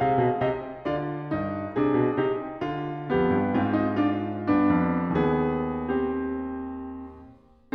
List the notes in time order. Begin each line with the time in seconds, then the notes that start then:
0.00 G#4 F5
0.16 B2
0.38 C3 G4 D#5
0.86 D3 F4 D5
1.34 G2 D#4
1.74 C3 D4 G#4
1.99 B2
2.18 C3 D#4 G4
2.61 D3 F4
3.09 F2 B3 G4
3.31 G2
3.53 G#2 C4 F4
3.75 D#4
3.96 D4 F4
4.47 G2 B3 D4
4.73 F2
5.14 D#2
5.19 B3 G#4
5.97 C4 G4